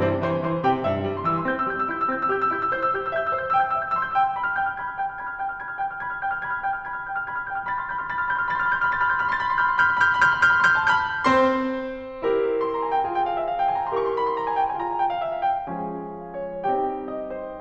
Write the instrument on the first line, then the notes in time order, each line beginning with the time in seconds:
piano
0.00 E3 C4 C5
0.12 G3
0.21 E3 C5 C6
0.43 E3 C5 C6
0.64 C3 G4 G5
0.84 G2 E4 E5
1.02 G3
1.15 C6
1.23 E3 E6
1.35 C6
1.47 C4 G6
1.56 E6
1.65 G3 G6
1.74 E6
1.88 E4 G6
1.97 E6
2.10 C4 G6
2.19 E6
2.33 G4 G6
2.43 E6
2.54 E4 G6
2.64 E6
2.74 C5 G6
2.84 E6
2.95 G4 G6
3.03 E6
3.11 E5 G6
3.20 E6
3.32 C5 G6
3.42 E6
3.53 G5 G6
3.65 E6
3.75 E5 G6
3.84 E6
3.95 C6 G6
4.04 E6
4.16 G5 G6
4.25 E6
4.37 B5
4.44 F6
4.53 G5 G6
4.69 F6
4.78 B5 G#6
4.88 F6
4.97 G5 G6
5.06 F6
5.19 B5 G#6
5.32 F6
5.42 G5 G6
5.51 F6
5.58 B5 G#6
5.67 F6
5.75 G5 G6
5.91 F6
6.05 B5 G#6
6.14 F6
6.23 G5 G6
6.33 F6
6.43 B5 G#6
6.52 F6
6.62 G5 G6
6.73 F6
6.88 B5 G#6
6.98 F6
7.08 G5 G6
7.21 F6
7.30 B5 G#6
7.40 F6
7.50 G5 G6
7.62 F6
7.74 B5 A6
7.80 C6
7.85 B5 F6
7.91 C6
7.95 B5 G6
8.00 C6
8.05 B5 F6
8.09 B5 C6 A6
8.19 C6
8.23 B5 F6
8.28 C6
8.32 B5 G6
8.39 C6
8.44 B5 F6
8.49 C6
8.53 B5 A6
8.59 C6
8.64 B5 F6
8.68 C6
8.73 B5 G6
8.79 C6
8.84 B5 F6
8.89 C6
8.94 B5 A6
8.99 C6
9.03 B5 F6
9.11 C6
9.20 B5 G6
9.25 C6
9.33 B5 F6
9.38 C6
9.44 B5 A6
9.50 C6
9.54 B5
9.59 C6
9.65 B5 F6 G6
9.71 C6
9.75 B5
9.80 C6
9.87 B5 F6 G6
9.91 C6
9.96 B5
10.02 C6
10.08 B5 F6 G6
10.12 C6
10.17 B5
10.23 C6
10.29 B5 F6 G6
10.33 C6
10.40 B5
10.46 C6
10.51 B5 F6 G6
10.55 C6
10.61 B5
10.66 C6
10.73 B5 F6 G6
10.79 C6
10.84 B5
10.89 C6
10.95 B5 F6 G6
11.02 C6
11.09 A5
11.19 B5
11.25 C4 C5 C6
12.25 E4 G4 A#4
12.67 C6
12.78 A#5
12.86 G#5
12.95 G5
13.04 F4 G#4 G#5
13.13 G5
13.26 F5
13.37 E5
13.47 F5
13.55 G5
13.64 G#5
13.73 A#5
13.86 E4 G4 A#4 C6
13.94 C#6
14.02 C6
14.14 B5
14.25 C6
14.34 A#5
14.47 G#5
14.56 G5
14.73 F4 G#4 G#5
14.84 A#5
14.92 G#5
15.01 G5
15.09 F5
15.21 E5
15.36 F5
15.55 G5
15.72 F3 G#3 C#4 F4 G#4 G#5
16.24 F5
16.45 C#5
16.66 G3 C4 D#4 G4 G5
17.12 D#5
17.38 C5